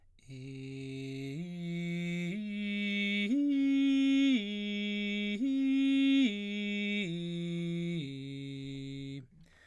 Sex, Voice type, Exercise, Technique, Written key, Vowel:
male, baritone, arpeggios, straight tone, , i